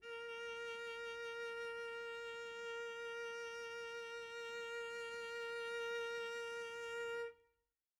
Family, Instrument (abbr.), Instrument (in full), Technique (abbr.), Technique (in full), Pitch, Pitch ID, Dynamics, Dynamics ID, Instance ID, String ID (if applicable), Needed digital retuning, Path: Strings, Vc, Cello, ord, ordinario, A#4, 70, pp, 0, 0, 1, FALSE, Strings/Violoncello/ordinario/Vc-ord-A#4-pp-1c-N.wav